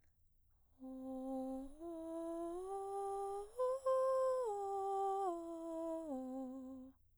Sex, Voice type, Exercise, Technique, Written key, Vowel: female, soprano, arpeggios, breathy, , o